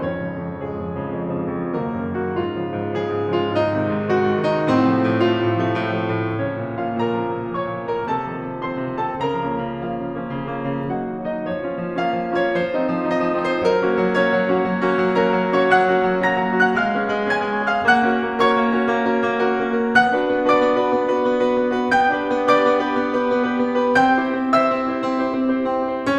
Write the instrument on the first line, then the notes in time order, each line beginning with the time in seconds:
piano
0.00 F2 C#4 C#5
0.16 G#2 C#3 F3
0.38 F2
0.60 G#2 C#3 F3 G#3 G#4
0.74 F2
0.96 G#2 C#3 F3
1.15 F2
1.32 G#2 C#3 F3
1.50 F2
1.70 C#3 D#3 F#3 A#3 A#4
1.89 F#2
2.18 C#3 D#3 F#3
2.26 F#4
2.35 G#2 F4
2.60 C#3 F3 G#3
2.76 G#2
2.94 C#3 F3 G#3 G#4
3.10 G#2
3.27 C#3 F3 G#3
3.37 F4
3.46 G#2 D#4
3.77 C3 D#3 G#3
3.94 G#2
4.10 C3 D#3 G#3 F#4
4.26 G#2
4.39 C3 D#3 G#3
4.47 D#4
4.68 A2 C4
4.92 C3 F3 A3
5.10 A2
5.26 C3 F3 A3 F4
5.43 A2
5.68 C3 F3 A3
5.85 A2
6.04 C3 F3 A3
6.21 A2
6.41 C#3 F3 A#3 C#4 C#5
6.59 A#2
6.78 C#3 F3 A#3
6.87 F4 F5
6.97 A#2 A#4 A#5
7.20 C#3 F3 A#3
7.37 A#2
7.56 C#3 F3 A#3 C#5 C#6
7.74 A#2
7.87 C#3 F3 A#3
7.98 A#4 A#5
8.06 C3 A4 A5
8.21 D#3 F3 C4
8.42 C3
8.59 D#3 F3 C4 C5 C6
8.78 C3
8.90 D#3 F3 C4
9.10 A4 A5
9.22 C#3 A#4 A#5
9.42 F3 A#3 C#4
9.64 C#3
9.82 F3 A#3 C#4 F4 F5
10.02 C#3
10.15 F3 A#3 C#4
10.33 C#3
10.57 F3 A#3 C#4
10.77 C#3
10.95 F#3 A#3 D#4 F#4 F#5
11.10 D#3
11.31 F#3 A#3 D#4
11.40 D#5
11.48 F3 C#5
11.63 A#3 C#4 F4
11.82 F3
11.98 A#3 C#4 F4 F5
12.21 F3
12.36 A#3 C#4 F4
12.46 C#5
12.55 F3 C5
12.77 A3 C4 D#4
12.98 F3
13.14 A3 C4 D#4 D#5
13.32 F3
13.50 A3 C4 D#4
13.58 C5
13.65 F#3 A#4
13.84 A#3 C#4 F#4
14.00 F#3
14.18 A#3 C#4 F#4 C#5
14.36 F#3
14.51 A#3 C#4 F#4
14.64 F#3
14.81 A#3 C#4 F#4
14.99 F#3
15.17 A#3 C#4 F#4 A#4 A#5
15.34 F#3
15.52 A#3 C#4 F#4
15.63 C#5 C#6
15.73 F#3 F#5 F#6
15.91 A#3 C#4 F#4
16.07 F#3
16.24 A#3 C#4 F#4 A#5 A#6
16.45 F#3
16.65 A#3 C#4 F#4
16.74 F#5 F#6
16.82 A#3 F5 F6
16.99 B3 C#4 G#4
17.12 A#3
17.31 B3 C#4 G#4 G#5 G#6
17.47 A#3
17.66 B3 C#4 G#4
17.75 F5 F6
17.87 A#3 F#5 F#6
18.05 C#4 F#4 A#4
18.20 A#3
18.39 C#4 F#4 A#4 C#5 C#6
18.53 A#3
18.73 C#4 F#4 A#4
18.89 A#3
19.08 C#4 F#4 A#4
19.28 A#3
19.42 C#4 F#4 A#4
19.62 A#3
19.78 C#4 F#4 A#4
19.95 B3 F#5 F#6
20.12 D4 F#4 B4
20.29 B3
20.49 D4 F#4 B4 D5 D6
20.61 B3
20.75 D4 F#4 B4
20.89 B3
21.08 D4 F#4 B4
21.28 B3
21.40 D4 F#4 B4
21.56 B3
21.76 D4 F#4 B4
21.93 B3 G5 G6
22.15 D4 G4 B4
22.29 B3
22.45 D4 G4 B4 D5 D6
22.59 B3
22.76 D4 G4 B4
22.94 B3
23.12 D4 G4 B4
23.28 B3
23.43 D4 G4 B4
23.60 B3
23.84 D4 G4 B4
24.03 C4 G5 G6
24.18 E4 G4 C5
24.33 C4
24.53 E4 G4 C5 E5 E6
24.69 C4
24.89 E4 G4 C5
25.05 C4
25.30 E4 G4 C5
25.47 C4
25.62 E4 G4 C5
25.81 C4
26.02 E4 G4 C5